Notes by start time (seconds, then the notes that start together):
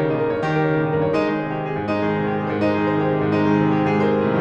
0.00 C#3 C#5
0.10 A#2 D#4
0.21 A#4
0.34 G2 C#5
0.45 D#3 G4
0.56 A#4
0.70 C#3 C#5
0.84 A#2 D#4
0.94 A#4
1.04 G2 C#5
1.18 G#3 D#4
1.29 D#3 G#4
1.40 C3 C5
1.54 D#3 G4
1.66 C3 G#4
1.78 G#2 C5
1.90 G#3 D#4
1.99 D#3 G#4
2.12 C3 C5
2.28 D#3 G4
2.40 C3 G#4
2.52 G#2 C5
2.66 G#3 D#4
2.77 D#3 G#4
2.89 C3 C5
3.03 D#3 G4
3.15 C3 G#4
3.24 G#2 C5
3.38 G#3 D#4
3.49 D#3 G#4
3.61 C3 C5
3.72 D#3 G4
3.85 C3 G#4
3.98 G#2 C5
4.14 A2
4.21 C3
4.26 D#3
4.32 F#3